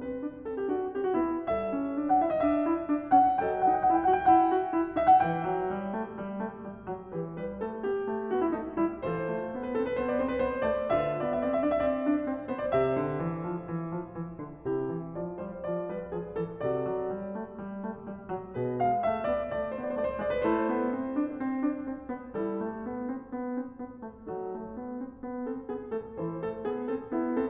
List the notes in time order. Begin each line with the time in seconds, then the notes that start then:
0.00 C4 B4
0.21 D4
0.44 C4 A4
0.62 G4
0.70 D4 F#4
0.95 C4 G4
1.08 F#4
1.16 B3 E4
1.46 G3 A4 C#5 E5
1.73 C#4
1.93 D4
2.08 F#5
2.15 E4 E5
2.31 D#5
2.41 D4 E5
2.67 E4
2.87 D4
3.09 C#4 F#5
3.38 F#3 A4 D#5
3.42 G5
3.49 F#5
3.54 G5
3.62 D#4 F#5 G5
3.70 F#5
3.76 G5
3.81 E4 F#5
3.87 G5
3.92 F#5
3.98 G5
4.05 F#4 F#5 G5
4.14 F#5
4.21 G5
4.27 E4 F#5
4.33 F#5 G5
4.41 G5
4.47 F#4 F#5
4.52 F#5 G5
4.62 G5
4.68 E4 F#5
4.97 D#4 E5
5.13 F#5
5.25 E3 B4 E5 G5
5.48 F#3
5.78 G3
5.96 A3
6.15 G3
6.42 A3
6.64 G3
6.88 F#3
7.12 E3 G4 B4
7.37 G3
7.42 B4
7.60 A3 A4
7.85 B3 G4
8.13 A3
8.32 B3 F#4
8.43 E4
8.52 A3 D#4
8.79 G3
8.84 E4
9.06 E3 F4 A4 C5
9.31 A3
9.54 B3
9.69 C4 B4
9.76 A4
9.88 B4
9.97 B3 C5
10.08 D5
10.16 C4
10.22 C5
10.33 B4
10.41 B3 C5
10.62 A3
10.67 D5
10.90 D3 F4 B4 E5
11.02 D5
11.09 E5
11.15 B3 D5
11.22 E5
11.30 D5
11.37 E5
11.45 C4 D5
11.51 D5 E5
11.56 E5
11.61 D4 D5
11.66 E5
11.71 D5
11.76 E5
11.83 C4 D5
11.88 E5
11.95 D5
11.99 D5 E5
12.06 D4 E5
12.16 D5
12.20 E5
12.27 C4 D5
12.50 B3
12.55 C5
12.63 D5
12.72 C3 G4 C5
12.77 E5
12.97 D3
13.22 E3
13.43 F3
13.69 E3
13.92 F3
14.14 E3
14.37 D3
14.63 C3 E4 G4
14.86 D3
15.12 E3 D5
15.35 F3
15.39 C5
15.59 E3 D5
15.84 F3
15.88 B4
16.11 E3 G#4
16.34 D3 A4
16.57 C3 F#4 A4
16.61 D5
16.88 F#3
17.14 G3
17.33 A3
17.58 G3
17.86 A3
18.01 G3
18.27 F#3
18.54 B2 G#4 B4
18.81 G#3
18.85 F5
19.04 A3 E5
19.25 B3 D5
19.53 A3 D5
19.61 C5
19.67 D5
19.74 B3 C5
19.78 D5
19.83 C5
19.90 A3 C5 D5
19.97 D5
20.02 C5
20.09 D5
20.17 G#3 C5
20.22 D5
20.35 B4
20.43 A3 E4 A4
20.49 C5
20.71 B3
20.94 C4
21.14 D4
21.39 C4
21.62 D4
21.80 C4
22.14 B3
22.40 G3 E4 A4
22.64 A3
22.86 B3
23.10 C4
23.34 B3
23.61 C4
23.86 B3
24.07 A3
24.31 F#3 D#4 A4
24.57 A3
24.79 B3
25.02 C4
25.25 B3
25.47 C4
25.52 A4
25.72 B3
25.76 G#4
25.95 A3
25.99 A4
26.20 E3 E4 A4
26.26 C5
26.40 A3
26.46 A4
26.63 B3
26.69 G#4
26.89 C4 A4
27.09 B3
27.13 E4
27.26 C4
27.31 A4